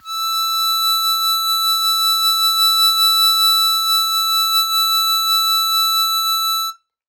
<region> pitch_keycenter=88 lokey=87 hikey=89 volume=4.487845 offset=1437 trigger=attack ampeg_attack=0.004000 ampeg_release=0.100000 sample=Aerophones/Free Aerophones/Harmonica-Hohner-Super64/Sustains/Vib/Hohner-Super64_Vib_E5.wav